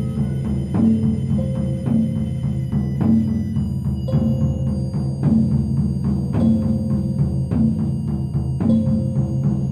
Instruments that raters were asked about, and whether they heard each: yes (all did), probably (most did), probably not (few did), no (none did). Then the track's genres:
drums: probably
violin: no
Folk; Soundtrack; Experimental